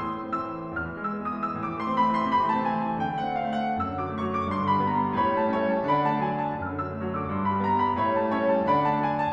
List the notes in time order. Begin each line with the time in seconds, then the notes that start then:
0.01 A2 C6
0.11 E3
0.23 A3
0.34 C4 E6
0.57 A3
0.67 E3
0.77 E2 F6
0.88 E3
0.93 E6
1.04 G#3
1.20 B3 D#6
1.29 G#3
1.36 E6
1.43 E3
1.57 A2 D6
1.70 E3
1.77 C6
1.83 A3
1.98 C4 B5
2.07 A3
2.13 E3 C6
2.26 C3 B5
2.37 E3
2.50 A3 A5
2.66 C4 G#5
2.76 A3
2.80 A5
2.86 E3
2.97 D3 G5
3.07 A3 F#5
3.15 C4
3.27 D4 F5
3.38 C4
3.44 F#5
3.52 A3
3.74 F#2 E6
3.91 D3
3.95 D6
4.00 F#3
4.23 A3 C#6
4.34 F#3
4.41 D6
4.45 D3
4.55 G2 C6
4.65 D3
4.71 B5
4.81 G3
4.92 B3 A#5
5.01 G3
5.06 B5
5.11 D3
5.21 A2 C#5 E5 B5
5.30 G3
5.36 A5
5.43 A3
5.54 C#4 C#5 E5 G#5
5.67 A3
5.73 A5
5.78 G3
5.89 D3 D5 F#5 B5
6.03 F#3
6.08 A5
6.12 A3
6.23 D4 G#5
6.36 A3
6.41 A5
6.46 F#3
6.57 F#2 E6
6.66 D3
6.70 D6
6.75 F#3
6.88 A3 C#6
7.00 F#3
7.08 D6
7.12 D3
7.24 G2 C6
7.34 D3
7.39 B5
7.45 G3
7.59 B3 A#5
7.71 G3
7.81 B5
7.88 D3
7.98 A2 C#5 E5 B5
8.11 G3
8.16 A5
8.23 A3
8.32 C#4 C#5 E5 G#5
8.41 A3 A5
8.49 G3
8.60 D3 D5 F#5 B5
8.74 F#3
8.79 A5
8.85 A3
8.99 D4 G#5
9.13 A3
9.18 A5
9.24 F#3